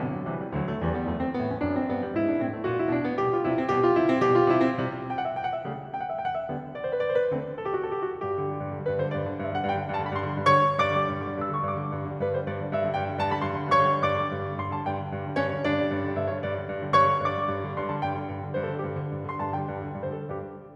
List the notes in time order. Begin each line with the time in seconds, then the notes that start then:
0.00 B1 B2 D3
0.13 F#3
0.28 C2 C3 E3
0.39 G3
0.56 D2 D3 F#3
0.71 A3
0.86 E2 E3 G3
0.99 B3
1.06 F#2 F#3 A3
1.18 C4
1.30 G2 G3 B3
1.43 C#4
1.57 F#2 D4
1.73 C4
1.87 G2 B3
2.05 A3
2.14 G#2 E4
2.29 D4
2.41 A2 C4
2.53 A3
2.65 A#2 F#4
2.77 E4
2.90 B2 D4
3.05 B3
3.19 B2 G3 G4
3.33 F4
3.47 C3 G3 E4
3.61 C4
3.74 B2 G3 G4
3.85 F4
3.98 C3 G3 E4
4.09 C4
4.20 B2 G3 G4
4.32 F4
4.44 C3 G3 E4
4.53 C4
4.60 B2 G3 G4
4.73 F4
4.78 C3 G3 E4
4.85 C4
4.91 C3 G3
5.12 G5
5.20 F#5
5.29 E5
5.39 G5
5.47 F#5
5.57 E5
5.68 C#3 G3 A3
5.98 G5
6.04 F#5
6.08 E5
6.15 G5
6.26 F#5
6.35 E5
6.46 D3 G3 B3
6.72 D5
6.82 C5
6.90 B4
6.99 D5
7.11 C5
7.20 B4
7.29 D3 A3 C4
7.57 A4
7.66 G4
7.77 F#4
7.85 A4
7.98 G4
8.14 F#4
8.24 G2 G4
8.34 D3
8.44 G3
8.54 G2
8.71 D3
8.80 G3
8.88 G2 B4
8.95 D3
9.01 G3 C5
9.15 G2 D5
9.24 D3
9.31 G3
9.39 G2 E5
9.50 D3 F#5
9.58 G3
9.67 G2 G5
9.79 D3
9.89 G3
9.98 G2 A5
10.08 D3 B5
10.19 G3
10.27 G2 C6
10.38 D3
10.47 G3
10.55 G2 C#5 C#6
10.67 D3
10.75 G3
10.86 G2 D5 D6
10.97 D3
11.09 G3
11.16 G2
11.24 D3
11.31 G3
11.39 G2 E6
11.47 D3
11.52 G3 C#6
11.63 G2 D6
11.73 D3
11.82 G3
11.89 G2
11.97 D3
12.05 G3
12.14 G2 B4
12.25 D3
12.29 C5
12.35 G3
12.43 G2 D5
12.54 D3
12.60 G3
12.72 G2 E5
12.81 D3 F#5
12.88 G3
12.95 G2 G5
13.01 D3
13.10 G3
13.18 G2 A5
13.25 D3 B5
13.31 G3
13.41 G2 C6
13.50 D3
13.57 G3
13.65 G2 C#5 C#6
13.78 D3
13.90 G3
14.02 G2 D5 D6
14.16 D3
14.26 G3
14.33 G2
14.41 D3
14.52 G3
14.59 G2 C6
14.68 D3
14.72 A5
14.77 G3
14.86 G2 G5
14.99 D3
15.07 G3
15.13 G2
15.22 D3
15.31 G3
15.39 G2 C#4 C#5
15.49 D3
15.57 G3
15.65 G2 D4 D5
15.79 D3
15.87 G3
15.95 G2
16.03 D3
16.11 G3
16.18 G2 E5
16.29 D3 C#5
16.39 G3
16.50 G2 D5
16.57 D3
16.66 G3
16.76 G2
16.85 D3
16.93 G3
17.03 G2 C#5 C#6
17.11 D3
17.19 G3
17.24 G2 D5 D6
17.31 D3
17.39 G3
17.48 G2
17.58 D3
17.66 G3
17.79 G2 C6
17.88 D3 A5
17.96 G3
18.05 G2 G5
18.16 D3
18.24 G3
18.34 G2
18.43 D3
18.49 G3
18.58 G2 C5
18.66 D3 A4
18.73 G3
18.81 G2 G4
18.90 D3
18.96 G3
19.03 G2
19.11 D3
19.17 G3
19.25 G2 C6
19.37 D3
19.42 G3 A5
19.53 G2 G5
19.63 D3
19.70 G3
19.77 G2
19.88 D3
19.97 G3
20.04 G2 C5
20.12 D3
20.18 A4
20.24 G3
20.35 G2 G4